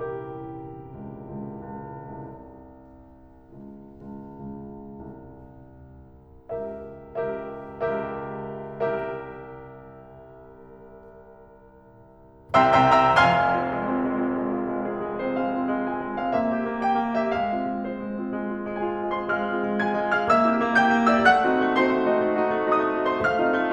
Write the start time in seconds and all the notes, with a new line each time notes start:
0.00 G4 A#4
0.86 C#2
1.22 C#2
1.61 C#2
2.18 C2
3.54 C#2
4.21 C#2
4.68 C#2
5.06 C2
6.49 C#2 G4 A#4 E5
7.48 C#2 G4 A#4 E5
8.23 C#2 G4 A#4 E5
9.21 C2 G4 A#4 E5
12.63 C2 C3 E5 G5 A#5 C6 E6
12.89 C2 C3 E5 G5 A#5 C6 E6
13.05 C2 C3 E5 G5 A#5 C6 E6
13.19 F1 F2 F5 G#5 C6 F6
13.50 C4 F4
13.70 G#3
13.90 C4 F4
14.06 G#3
14.19 C4 F4
14.33 G#3
14.47 C4 F4
14.61 G#3
14.76 C4 F4 G#4
14.92 G#3
15.08 C4 F4
15.20 C5
15.28 G#3 F5
15.44 C4 F4
15.67 G#3
15.87 C4 F4 G#5
16.01 G#3
16.15 C4 F4
16.23 F5
16.34 A#3 E5
16.50 C4 G4
16.61 A#3
16.80 C4 G4 G5
16.97 A#3
17.15 C4 G4
17.22 E5
17.32 G#3 F5
17.54 C4 F4
17.69 G#3
17.89 C4 F4 C5
18.02 G#3
18.18 C4 F4
18.30 G#3
18.47 C4 F4
18.65 G#3
18.77 C4 F4 G#4 G#5
18.92 G#3
19.12 C4 F4
19.21 C5 C6
19.30 G#3 F5 F6
19.47 C4 F4 G#4
19.63 G#3
19.81 C4 F4 G#4 G#5 G#6
19.92 G#3
20.07 C4 F4 G#4
20.15 F5 F6
20.22 A#3 E5 E6
20.48 C4 E4 G4
20.63 A#3
20.83 C4 E4 G4 G5 G6
20.97 A#3
21.08 C4 E4 G4
21.18 E5 E6
21.27 A3 F#5 F#6
21.44 C4 D#4 F#4
21.59 A3
21.75 C4 D#4 F#4 C5 C6
21.90 A3
22.06 C4 D#4 F#4
22.22 A3
22.36 C4 D#4 F#4
22.52 A3
22.69 C4 D#4 F#4 D#5 D#6
22.85 A3
23.02 C4 D#4 F#4
23.09 C5 C6
23.21 A3 F5 F6
23.36 C4 D#4 F4
23.55 A3